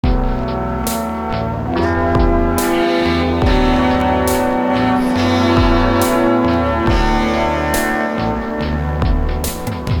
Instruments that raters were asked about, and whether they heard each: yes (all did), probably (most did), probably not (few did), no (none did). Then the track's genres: saxophone: probably not
trombone: probably not
Post-Rock; Experimental; Ambient; Lounge